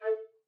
<region> pitch_keycenter=69 lokey=69 hikey=70 tune=4 volume=12.607284 offset=379 ampeg_attack=0.004000 ampeg_release=10.000000 sample=Aerophones/Edge-blown Aerophones/Baroque Bass Recorder/Staccato/BassRecorder_Stac_A3_rr1_Main.wav